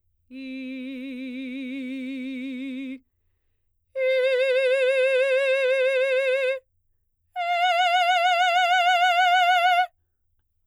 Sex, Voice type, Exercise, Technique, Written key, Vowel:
female, soprano, long tones, full voice forte, , i